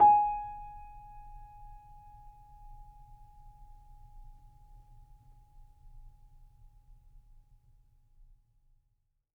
<region> pitch_keycenter=80 lokey=80 hikey=81 volume=1.960842 lovel=0 hivel=65 locc64=0 hicc64=64 ampeg_attack=0.004000 ampeg_release=0.400000 sample=Chordophones/Zithers/Grand Piano, Steinway B/NoSus/Piano_NoSus_Close_G#5_vl2_rr1.wav